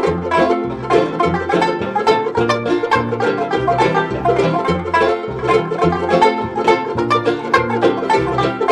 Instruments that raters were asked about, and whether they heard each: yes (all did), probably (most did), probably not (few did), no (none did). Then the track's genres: ukulele: probably
mandolin: no
banjo: yes
Old-Time / Historic